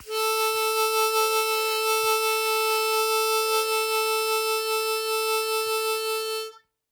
<region> pitch_keycenter=69 lokey=68 hikey=70 volume=6.180978 trigger=attack ampeg_attack=0.100000 ampeg_release=0.100000 sample=Aerophones/Free Aerophones/Harmonica-Hohner-Special20-F/Sustains/Vib/Hohner-Special20-F_Vib_A3.wav